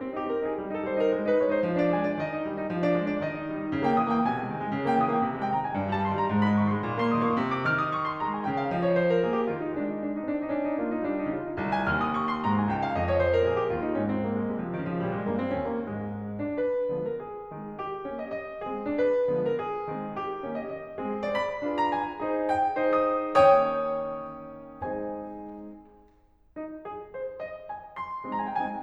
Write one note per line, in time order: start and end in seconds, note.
0.00 0.17 C4
0.17 0.30 D#4
0.17 0.30 G4
0.30 0.45 C4
0.30 0.45 A#4
0.46 0.57 D#4
0.46 0.57 G#4
0.58 0.72 G3
0.73 0.88 D#4
0.73 0.88 A4
0.89 1.01 G3
0.89 1.01 C5
1.02 1.15 D#4
1.02 1.15 A#4
1.16 1.28 G#3
1.28 1.40 D#4
1.28 1.40 B4
1.40 1.49 G#3
1.40 1.49 C#5
1.49 1.61 D#4
1.49 1.61 C5
1.61 1.75 F3
1.75 1.90 D4
1.75 1.90 D5
1.90 2.03 G#3
1.90 2.03 G#5
2.05 2.18 D4
2.05 2.18 D5
2.19 2.32 D#3
2.19 2.45 D#5
2.33 2.45 D#4
2.46 2.60 G3
2.61 2.71 D#4
2.72 2.81 F3
2.82 2.95 D4
2.82 2.95 D5
2.95 3.09 G#3
2.95 3.09 G#5
3.09 3.23 D4
3.09 3.23 D5
3.23 3.34 D#3
3.23 3.46 D#5
3.34 3.46 D#4
3.46 3.55 G3
3.56 3.70 D#4
3.72 3.84 C#3
3.85 3.95 A#3
3.85 3.95 G5
3.95 4.06 E3
3.95 4.06 E6
4.08 4.20 A#3
4.08 4.20 G5
4.21 4.33 D#3
4.21 4.47 G#5
4.35 4.47 G#3
4.47 4.62 G3
4.62 4.74 G#3
4.74 4.85 C#3
4.85 5.02 A#3
4.85 5.02 G5
5.02 5.15 E3
5.02 5.15 E6
5.15 5.27 A#3
5.15 5.27 G5
5.28 5.41 C3
5.42 5.54 G#3
5.42 5.54 G5
5.55 5.64 D#3
5.55 5.64 A#5
5.65 5.76 G#3
5.65 5.76 G#5
5.77 5.90 G#2
5.91 6.04 G3
5.91 6.04 A5
6.05 6.15 D#3
6.05 6.15 C6
6.15 6.28 G3
6.15 6.28 A#5
6.28 6.43 G#2
6.43 6.59 G#3
6.43 6.59 B5
6.59 6.73 D#3
6.59 6.73 C#6
6.73 6.85 G#3
6.73 6.85 C6
6.86 7.00 A#2
7.01 7.12 A#3
7.01 7.12 C6
7.13 7.26 D#3
7.13 7.26 D#6
7.27 7.36 A#3
7.27 7.36 C#6
7.37 7.67 C3
7.52 7.67 D6
7.69 8.14 D#3
7.69 7.74 F6
7.74 7.87 D#6
7.87 8.00 C#6
8.00 8.14 C6
8.14 8.44 G#3
8.14 8.29 A#5
8.29 8.44 G#5
8.44 8.72 C#3
8.44 8.56 G5
8.57 8.72 F5
8.73 9.23 F3
8.73 8.82 D#5
8.84 8.96 C#5
8.97 9.09 C5
9.10 9.23 A#4
9.24 9.47 A#3
9.24 9.37 G#4
9.37 9.47 G4
9.47 9.72 D#3
9.47 9.58 F4
9.58 9.72 D#4
9.72 10.25 G#3
9.72 9.87 D4
9.87 10.01 D#4
10.01 10.15 D4
10.16 10.25 D#4
10.26 10.53 C4
10.26 10.41 D4
10.43 10.53 D#4
10.54 10.80 C#4
10.54 10.63 D4
10.65 10.80 D#4
10.81 11.08 A#3
10.81 10.96 F4
10.97 11.08 D#4
11.08 11.38 G3
11.08 11.22 D4
11.22 11.38 D#4
11.38 11.60 C#3
11.38 11.49 F4
11.49 11.60 D#4
11.60 11.87 C2
11.71 11.87 G#5
11.88 12.39 D#2
11.88 12.00 F6
12.02 12.14 D#6
12.16 12.27 C#6
12.28 12.39 C6
12.40 12.68 G#2
12.40 12.56 A#5
12.57 12.68 G#5
12.68 12.93 C#2
12.68 12.79 G5
12.79 12.93 F5
12.93 13.43 F2
12.93 13.08 D#5
13.08 13.18 C#5
13.18 13.29 C5
13.29 13.43 A#4
13.44 13.71 A#2
13.44 13.56 G#4
13.57 13.71 G4
13.72 13.96 D#2
13.72 13.84 F4
13.85 13.96 D#4
13.97 14.49 G#2
13.97 14.06 C#4
14.07 14.19 C4
14.20 14.34 A#3
14.34 14.49 G#3
14.49 14.77 C3
14.49 14.64 G3
14.64 14.77 F3
14.77 15.02 C#3
14.77 14.92 D#3
14.92 15.02 F3
15.02 15.27 A#2
15.02 15.12 G3
15.13 15.27 G#3
15.28 15.55 G2
15.28 15.37 A#3
15.38 15.55 C4
15.56 15.89 D#2
15.56 15.73 C#4
15.73 15.89 A#3
15.91 16.25 G#2
15.91 16.25 G#3
16.25 16.54 G#3
16.49 16.59 D4
16.54 17.07 B4
16.94 17.21 D3
16.94 17.21 F3
16.94 17.21 G#3
16.94 17.21 B3
17.08 17.21 A#4
17.22 17.79 G#4
17.48 17.79 D#3
17.48 17.79 G#3
17.48 17.79 C4
17.79 18.17 G4
18.02 18.31 D#3
18.02 18.31 A#3
18.02 18.31 C#4
18.17 18.31 D#5
18.31 18.62 D#5
18.62 18.94 G#3
18.62 18.94 C4
18.62 18.83 G#4
18.88 18.98 D4
18.95 19.41 B4
19.28 19.57 D3
19.28 19.57 F3
19.28 19.57 G#3
19.28 19.57 B3
19.42 19.57 A#4
19.60 20.15 G#4
19.86 20.15 D#3
19.86 20.15 G#3
19.86 20.15 C4
20.15 20.56 G4
20.41 20.70 D#3
20.41 20.70 A#3
20.41 20.70 C#4
20.56 20.70 D#5
20.72 20.98 D#5
20.99 21.34 G#3
20.99 21.34 C4
20.99 21.22 G#4
21.25 21.36 D5
21.35 21.78 B5
21.64 21.93 D4
21.64 21.93 F4
21.64 21.93 G#4
21.64 21.93 B4
21.78 21.93 A#5
21.93 22.51 G#5
22.21 22.51 D#4
22.21 22.51 G#4
22.21 22.51 C5
22.51 22.94 G5
22.80 23.32 D#4
22.80 23.32 A#4
22.80 23.32 C#5
22.95 23.32 D#6
23.37 24.78 G#3
23.37 24.78 A#3
23.37 24.78 C#4
23.37 24.78 D#4
23.37 24.78 G4
23.37 24.78 C#5
23.37 24.78 G5
23.37 24.78 D#6
24.78 25.70 G#3
24.78 25.70 C4
24.78 25.70 D#4
24.78 25.70 G#4
24.78 25.70 C5
24.78 25.70 D#5
24.78 25.70 G#5
26.38 26.82 D#4
26.82 27.12 G#4
27.12 27.41 C5
27.41 27.69 D#5
27.70 27.96 G#5
27.96 28.40 C6
28.27 28.57 G#3
28.27 28.57 C4
28.27 28.57 D#4
28.41 28.53 A#5
28.47 28.57 G#5
28.53 28.57 G5
28.58 28.83 G#3
28.58 28.83 C4
28.58 28.83 D#4
28.58 28.83 G#5